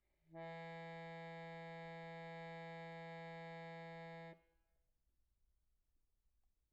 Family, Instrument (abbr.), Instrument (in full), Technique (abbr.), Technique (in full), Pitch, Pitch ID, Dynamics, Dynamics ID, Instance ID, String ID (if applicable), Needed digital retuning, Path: Keyboards, Acc, Accordion, ord, ordinario, E3, 52, pp, 0, 0, , FALSE, Keyboards/Accordion/ordinario/Acc-ord-E3-pp-N-N.wav